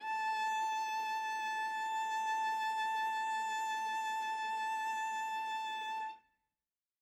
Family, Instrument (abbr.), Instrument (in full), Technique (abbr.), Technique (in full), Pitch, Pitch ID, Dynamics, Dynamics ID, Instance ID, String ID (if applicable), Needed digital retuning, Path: Strings, Va, Viola, ord, ordinario, A5, 81, ff, 4, 1, 2, FALSE, Strings/Viola/ordinario/Va-ord-A5-ff-2c-N.wav